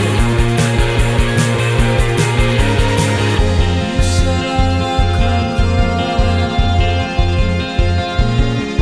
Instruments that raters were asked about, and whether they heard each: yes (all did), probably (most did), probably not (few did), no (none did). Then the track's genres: saxophone: no
Indie-Rock; Post-Punk; Goth